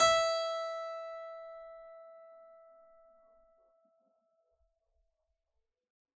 <region> pitch_keycenter=76 lokey=76 hikey=76 volume=-2.483370 trigger=attack ampeg_attack=0.004000 ampeg_release=0.400000 amp_veltrack=0 sample=Chordophones/Zithers/Harpsichord, Unk/Sustains/Harpsi4_Sus_Main_E4_rr1.wav